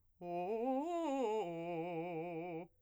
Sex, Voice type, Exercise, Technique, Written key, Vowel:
male, , arpeggios, fast/articulated piano, F major, o